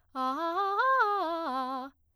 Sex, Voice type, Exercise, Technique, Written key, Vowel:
female, soprano, arpeggios, fast/articulated piano, C major, a